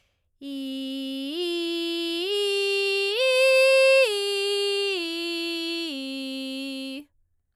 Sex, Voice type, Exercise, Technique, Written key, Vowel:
female, soprano, arpeggios, belt, , i